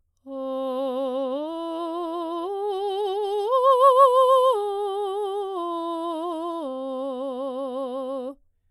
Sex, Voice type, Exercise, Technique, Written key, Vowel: female, soprano, arpeggios, slow/legato piano, C major, o